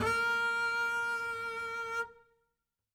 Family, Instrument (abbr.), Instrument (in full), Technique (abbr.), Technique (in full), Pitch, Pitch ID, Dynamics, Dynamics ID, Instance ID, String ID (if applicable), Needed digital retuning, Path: Strings, Cb, Contrabass, ord, ordinario, A#4, 70, ff, 4, 0, 1, FALSE, Strings/Contrabass/ordinario/Cb-ord-A#4-ff-1c-N.wav